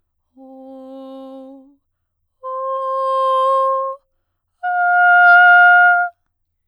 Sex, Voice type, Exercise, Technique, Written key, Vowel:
female, soprano, long tones, messa di voce, , o